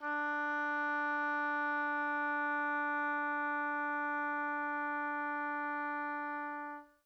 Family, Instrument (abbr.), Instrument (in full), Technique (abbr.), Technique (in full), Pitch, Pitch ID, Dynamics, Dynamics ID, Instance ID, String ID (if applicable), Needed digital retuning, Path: Winds, Ob, Oboe, ord, ordinario, D4, 62, pp, 0, 0, , FALSE, Winds/Oboe/ordinario/Ob-ord-D4-pp-N-N.wav